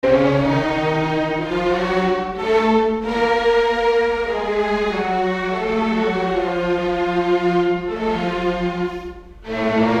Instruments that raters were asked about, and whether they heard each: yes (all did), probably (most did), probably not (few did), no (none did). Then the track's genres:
violin: yes
Classical